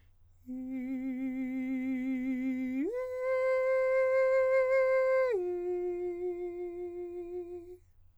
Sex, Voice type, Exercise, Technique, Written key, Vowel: male, countertenor, long tones, full voice pianissimo, , i